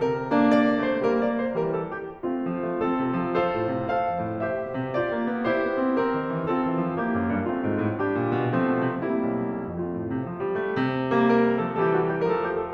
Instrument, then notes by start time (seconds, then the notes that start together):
piano
0.01 C3 G3 A#3 A#4
0.31 A#3 D4
0.48 D5
0.84 A3 C4 C5
1.02 G3 A#3 A#4
1.19 D5
1.41 C5
1.58 E3 G3 A#4
1.75 A4
1.96 G4
2.25 A3 C4 F4
2.42 F3
2.57 A3
2.82 C4 F4 A4
3.01 C3
3.24 F3
3.41 F4 A4 C5
3.57 A2
3.73 C3
3.90 A4 C5 F5
4.07 F2
4.23 A2
4.44 G4 C5 E5
4.60 B2
4.78 C3
4.94 F4 G4 D5
5.10 A#3
5.27 B3
5.50 E4 G4 C5
5.68 B3
5.85 C4
5.97 C4 G4 A#4
6.12 D#3
6.31 E3
6.50 C4 F4 A4
6.67 E3
6.81 F3
7.00 A#3 E4 G4
7.15 F#2
7.31 G2
7.46 A3 C4 F4
7.66 G#2
7.80 A2
7.99 G3 D4 G4
8.16 A2
8.33 A#2
8.53 F3 A3 C4
8.72 B2
8.91 C3
9.06 G3 A#3 C4 E4
9.25 B1
9.44 C2
9.70 F2 A3 C4 F4
9.90 A2
10.07 C3
10.25 F3
10.41 G3
10.59 A3
10.78 C3
11.09 G3 A#3
11.27 A#4
11.58 F3 A3 A4
11.74 E3 G3 G4 A4
11.92 F#4
12.05 G4
12.18 F3 A3 A#4
12.24 A4
12.38 G4
12.57 A4